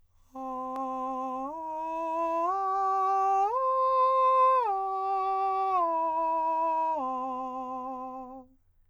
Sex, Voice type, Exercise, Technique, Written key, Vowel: male, countertenor, arpeggios, straight tone, , a